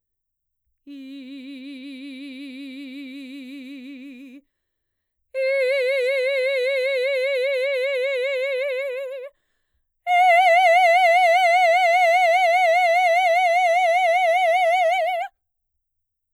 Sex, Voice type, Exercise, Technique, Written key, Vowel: female, mezzo-soprano, long tones, full voice forte, , i